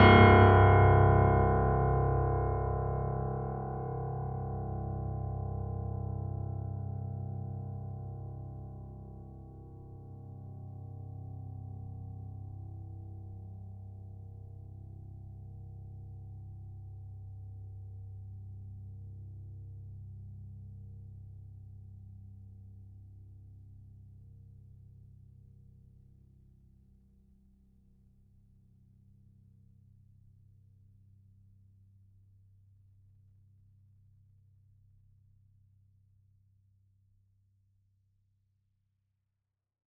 <region> pitch_keycenter=24 lokey=24 hikey=25 volume=1.008710 lovel=66 hivel=99 locc64=65 hicc64=127 ampeg_attack=0.004000 ampeg_release=0.400000 sample=Chordophones/Zithers/Grand Piano, Steinway B/Sus/Piano_Sus_Close_C1_vl3_rr1.wav